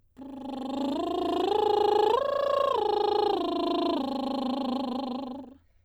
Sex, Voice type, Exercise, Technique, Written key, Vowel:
female, soprano, arpeggios, lip trill, , a